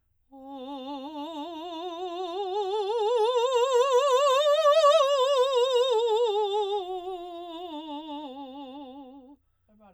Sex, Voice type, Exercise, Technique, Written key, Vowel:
female, soprano, scales, vibrato, , o